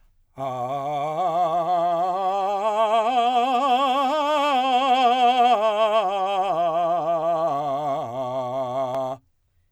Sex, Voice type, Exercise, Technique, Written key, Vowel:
male, , scales, vibrato, , a